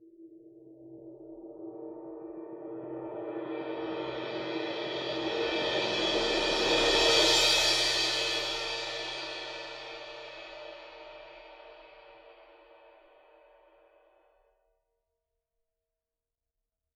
<region> pitch_keycenter=67 lokey=67 hikey=67 volume=15.000000 offset=1020 ampeg_attack=0.004000 ampeg_release=2.000000 sample=Idiophones/Struck Idiophones/Suspended Cymbal 1/susCymb1_cresc_7.5s.wav